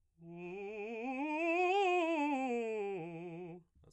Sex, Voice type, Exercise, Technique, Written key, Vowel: male, baritone, scales, fast/articulated piano, F major, u